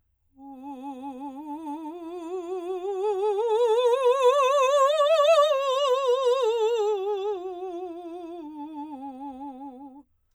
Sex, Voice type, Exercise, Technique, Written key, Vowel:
female, soprano, scales, vibrato, , u